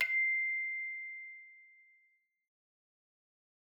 <region> pitch_keycenter=96 lokey=96 hikey=97 tune=-4 volume=13.064001 ampeg_attack=0.004000 ampeg_release=30.000000 sample=Idiophones/Struck Idiophones/Hand Chimes/sus_C6_r01_main.wav